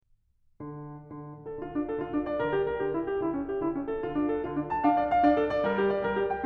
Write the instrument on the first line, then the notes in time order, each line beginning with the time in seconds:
piano
0.03 D3
1.00 D3
1.28 A4
1.59 D3 F4
1.73 D4
1.87 A4
2.03 D3 F4
2.16 D4
2.25 D5
2.40 D3 A#4
2.53 G4
2.65 A#4
2.75 D3 G4
2.88 E4
3.01 G4
3.17 D3 E4
3.31 C#4
3.47 G4
3.62 D3 E4
3.75 C#4
3.90 A4
4.04 D3 F4
4.16 D4
4.32 A4
4.45 D3 F4
4.55 D4
4.67 A5
4.81 D4 F5
4.93 D5
5.07 F5
5.24 D4 D5
5.36 A4
5.48 D5
5.64 G3 A#4
5.77 G4
5.94 D5
6.06 G3 A#4
6.20 G4
6.34 G5